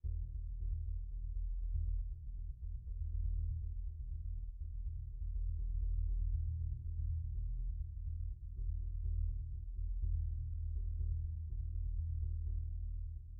<region> pitch_keycenter=63 lokey=63 hikey=63 volume=30.144799 offset=1563 lovel=0 hivel=54 ampeg_attack=0.004000 ampeg_release=2.000000 sample=Membranophones/Struck Membranophones/Bass Drum 2/bassdrum_roll_pp.wav